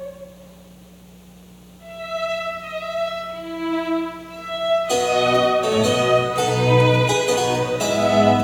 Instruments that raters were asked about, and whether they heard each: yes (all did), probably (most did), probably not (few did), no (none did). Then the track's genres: banjo: no
clarinet: probably not
mandolin: no
cello: probably
flute: probably not
Classical; Chamber Music